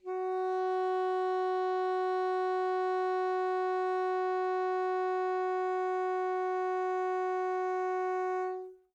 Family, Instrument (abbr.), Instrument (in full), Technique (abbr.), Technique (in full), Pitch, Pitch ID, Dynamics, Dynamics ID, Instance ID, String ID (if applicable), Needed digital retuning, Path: Winds, ASax, Alto Saxophone, ord, ordinario, F#4, 66, mf, 2, 0, , FALSE, Winds/Sax_Alto/ordinario/ASax-ord-F#4-mf-N-N.wav